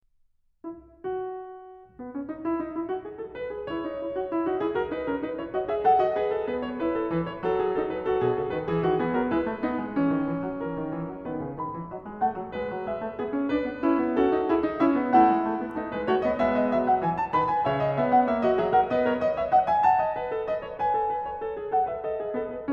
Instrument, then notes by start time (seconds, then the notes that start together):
piano
0.03 E4
1.03 F#4
1.97 B3
2.11 C#4
2.30 D#4
2.50 E4
2.62 D#4
2.72 E4
2.90 F#4
3.04 G#4
3.20 A4
3.35 B4
3.49 G#4
3.68 E4 C#5
3.88 D#4
4.00 E4
4.17 F#4
4.27 E4
4.46 D#4 F#4
4.62 E4 G#4
4.74 F#4 A#4
4.92 D#4 B4
5.07 C#4 A#4
5.19 D#4 B4
5.39 E4 C#5
5.54 F#4 D#5
5.70 G#4 E5
5.85 A4 F#5
6.00 F#4 D#5
6.15 G#4 B4
6.34 A4
6.49 B3 B4
6.69 C#5
6.80 E4 B4
6.95 A4
7.13 E3 B4
7.21 C#5
7.39 F#3 A4
7.60 G#4
7.75 D#4 A4
7.88 B4
8.06 F#4 A4
8.21 B2 G#4
8.34 C#3 A4
8.52 D#3 B4
8.67 E3 G#4
8.87 D#3 F#4
8.99 E3 B3 G#4
9.15 F#3 A#4
9.32 G#3 E4 B4
9.51 A3
9.61 B3 D#4
9.76 G#3
9.95 E3 C#4
10.09 D#3
10.27 E3
10.44 F#3
10.61 E3 A#4
10.78 D#3
10.91 E3
11.09 F#3
11.26 D#3 B3 B4
11.40 C#3
11.57 D#3 B5
11.74 E3
11.90 F#3 D#5
12.06 G#3
12.19 A3 F#5
12.35 F#3
12.51 G#3 B4
12.67 F#3
12.84 G#3 E5
13.01 A3
13.21 B3 G#4
13.33 C#4
13.50 D4 B4
13.64 B3
13.82 C#4 E4
14.02 B3
14.18 C#4 F#4 A4
14.30 D#4
14.47 E4 G#4
14.62 D#4
14.78 C#4 E5
14.99 B3
15.16 A3 E4 F#5
15.28 G#3
15.49 A3
15.59 B3
15.77 A3 D#4
15.93 G#3 B4
16.06 A3 F#4 C#5
16.24 B3 D#5
16.38 G#3 B3 E5
16.57 D#5
16.73 F#3 E5
16.88 F#5
17.04 E3 G#5
17.17 A5
17.32 D#3 B4 B5
17.53 G#5
17.66 C#3 C#5 E5
17.82 D#5
17.93 B3 E5
18.11 F#5
18.30 A#3 E5
18.44 F#4 D#5
18.59 F#3 G#4 E5
18.71 A#4 F#5
18.88 B3 B4 D#5
19.05 A#4 C#5
19.19 B4 D#5
19.36 C#5 E5
19.52 D#5 F#5
19.65 E5 G#5
19.86 F#5 A5
20.01 D#5
20.17 B4
20.33 A4
20.44 B4 D#5
20.60 C#5
20.75 B4 G#5
20.92 A4
21.14 B4
21.30 C#5
21.44 A4
21.61 G#4
21.70 A4 F#5
21.86 B4 E5
22.05 A4 D#5
22.16 G#4
22.33 B3 A4
22.50 B4